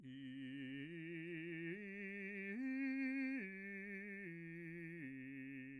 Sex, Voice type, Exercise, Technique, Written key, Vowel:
male, bass, arpeggios, slow/legato piano, C major, i